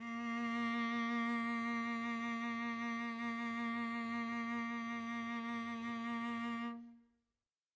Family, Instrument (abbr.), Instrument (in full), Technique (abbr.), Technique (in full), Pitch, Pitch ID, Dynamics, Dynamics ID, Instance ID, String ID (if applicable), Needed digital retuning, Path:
Strings, Vc, Cello, ord, ordinario, A#3, 58, mf, 2, 1, 2, TRUE, Strings/Violoncello/ordinario/Vc-ord-A#3-mf-2c-T12u.wav